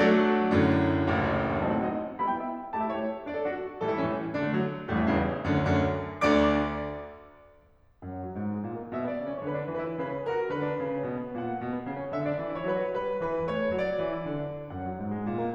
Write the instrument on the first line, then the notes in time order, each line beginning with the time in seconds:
piano
0.00 F#3 A3 D4 F#4 A4 D5
0.48 F#2 A2 D3
1.06 F#1 A1 D2
1.65 F#3 A3 C4 D#4 A5
1.75 F#5
1.83 F#3 A3 C4 D#4 D#5
2.22 G3 B3 E4 B5
2.30 G5
2.39 G3 B3 E4 E5
2.73 A3 E4 G4 A5
2.80 E5
2.89 A3 E4 G4 C#5
3.29 D4 F#4 D5
3.37 A4
3.44 D4 F#4
3.82 A2 E3 G3 A4
3.91 E4
4.02 A2 E3 G3 C#4
4.40 D3 F#3 D4
4.50 A3
4.60 D3 F#3
4.88 A1 G2 A3
4.98 E3
5.09 A1 G2 C#3
5.51 D2 F#2 D3
5.83 D2 F#2 D3
6.37 D2 D3 D5 D6
8.05 F#2 F#5
8.19 F#3
8.32 G#2
8.51 G#3
8.61 A#2
8.81 A#3
8.90 B2 E5
8.96 D5
9.03 B3
9.21 C#3
9.32 C#4 C#5
9.44 D3 B4
9.53 D4
9.64 E3 B4
9.80 E4
9.95 C#3 B4
10.14 C#4
10.26 F#3 A#4
10.37 F#4
10.51 D3 B4
10.61 D4
10.79 C#3
10.91 C#4
11.13 B2
11.28 B3
11.41 A#2 F#5
11.54 A#3
11.63 B2
11.74 B3
11.84 C#3
12.05 C#4
12.14 D3 E5
12.20 D5
12.26 D4
12.40 E3
12.57 E4 C#5
12.67 F#3 B4
12.86 F#4
13.00 G3 B4
13.10 G4
13.22 E3 B4
13.33 E4
13.49 A3 C#5
13.63 A4
13.72 F#3 D5
13.89 F#4
14.00 E3
14.12 E4
14.28 D3
14.49 D4
14.70 F#2 F#5
14.85 F#3
14.99 G#2
15.19 G#3
15.28 A#2
15.42 A#3